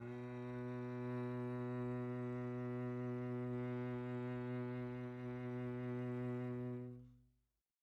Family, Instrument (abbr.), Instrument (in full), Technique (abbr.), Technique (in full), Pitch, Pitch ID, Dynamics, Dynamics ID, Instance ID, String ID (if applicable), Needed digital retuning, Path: Strings, Vc, Cello, ord, ordinario, B2, 47, pp, 0, 3, 4, TRUE, Strings/Violoncello/ordinario/Vc-ord-B2-pp-4c-T16u.wav